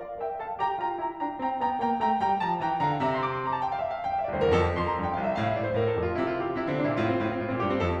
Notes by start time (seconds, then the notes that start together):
0.00 C5 D5 F5
0.17 A#4 E5 G5
0.37 A4 F5 A5
0.58 G4 G5 A#5
0.80 F4 G5 A#5
1.03 E4 G5 A#5
1.18 D4 G5 A#5
1.40 C4 G5 A#5
1.57 B3 G5 A#5
1.78 A#3 G5 A#5
1.99 A3 G5 A#5
2.23 G3 G5 A#5
2.43 F3 A5 A#5
2.61 E3 G5 A#5
2.86 D3 F5 A#5
3.04 C3 E5 A#5
3.12 C6
3.24 D6
3.32 C6
3.40 A#5
3.51 A5
3.60 G5
3.70 F5
3.77 E5
3.84 F5
3.92 G5
4.04 F5
4.13 E5
4.23 D5
4.31 C2 C5
4.38 D2 A#4
4.44 E2
4.49 F2 A4
4.76 F2 C6
4.85 A#5
4.93 F2 A5
5.03 G5
5.13 C2 F5
5.22 E5
5.33 A2 F5
5.42 E5
5.53 A2 D5
5.62 C5
5.74 A2 A#4
5.86 A4
5.97 F2 G4
6.06 F4
6.15 C3 E4
6.23 F4
6.33 C3 G4
6.42 F4
6.52 C3 E4
6.63 D3 C4
6.72 C3 D4
6.82 A#2 E4
6.92 A2 F4
7.00 C4
7.11 A2 F4
7.20 C4
7.31 A2 F4
7.42 A#2 C4
7.52 A2 G4
7.65 G2 C4
7.77 F2 A4